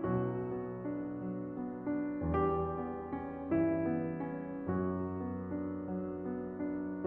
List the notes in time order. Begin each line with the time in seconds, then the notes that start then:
0.00 B1 B2 F#3 F#4
0.38 B3
0.75 D4
1.11 F#3
1.49 B3
1.83 D4
2.24 E2 G3 G4
2.81 B3
3.13 C#4
3.52 G2 E3 E4
3.89 B3
4.32 C#4
4.66 F#2 F#3 F#4
5.09 B3
5.50 D4
5.90 F#3
6.28 B3
6.62 D4